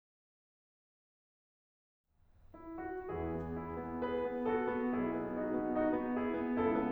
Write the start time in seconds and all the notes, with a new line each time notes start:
2.55 E4
2.81 F#4
3.06 E2 E3 E4 G#4
3.31 B3
3.55 E4
3.80 B3
3.99 G#4 B4
4.24 B3
4.45 F#4 A4
4.69 B3
4.95 B1 B2 E4 G#4
5.13 B3
5.40 D#4 F#4
5.60 B3
5.77 D#4 F#4
5.92 B3
6.13 E4 G#4
6.32 B3
6.51 C#2 C#3 E4 A4
6.72 B3